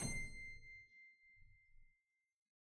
<region> pitch_keycenter=84 lokey=84 hikey=84 volume=3.180666 trigger=attack ampeg_attack=0.004000 ampeg_release=0.40000 amp_veltrack=0 sample=Chordophones/Zithers/Harpsichord, Flemish/Sustains/High/Harpsi_High_Far_C6_rr1.wav